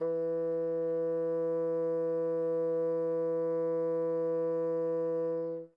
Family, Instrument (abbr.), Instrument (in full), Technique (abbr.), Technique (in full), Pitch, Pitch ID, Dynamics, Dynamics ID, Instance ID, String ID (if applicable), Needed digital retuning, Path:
Winds, Bn, Bassoon, ord, ordinario, E3, 52, mf, 2, 0, , TRUE, Winds/Bassoon/ordinario/Bn-ord-E3-mf-N-T11d.wav